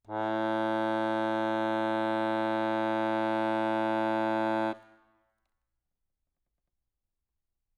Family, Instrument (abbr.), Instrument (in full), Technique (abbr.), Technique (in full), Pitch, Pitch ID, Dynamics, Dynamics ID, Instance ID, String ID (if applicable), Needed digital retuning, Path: Keyboards, Acc, Accordion, ord, ordinario, A2, 45, ff, 4, 1, , FALSE, Keyboards/Accordion/ordinario/Acc-ord-A2-ff-alt1-N.wav